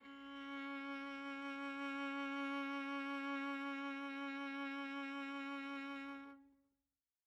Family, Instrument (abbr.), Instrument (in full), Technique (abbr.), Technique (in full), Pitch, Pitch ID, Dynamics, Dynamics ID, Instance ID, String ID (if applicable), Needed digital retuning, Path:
Strings, Va, Viola, ord, ordinario, C#4, 61, mf, 2, 2, 3, FALSE, Strings/Viola/ordinario/Va-ord-C#4-mf-3c-N.wav